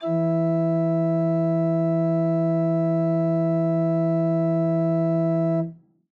<region> pitch_keycenter=52 lokey=52 hikey=53 volume=4.574863 offset=113 ampeg_attack=0.004000 ampeg_release=0.300000 amp_veltrack=0 sample=Aerophones/Edge-blown Aerophones/Renaissance Organ/Full/RenOrgan_Full_Room_E2_rr1.wav